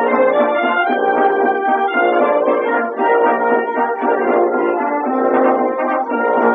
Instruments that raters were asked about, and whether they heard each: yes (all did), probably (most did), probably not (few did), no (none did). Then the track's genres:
trumpet: yes
trombone: probably
Classical; Old-Time / Historic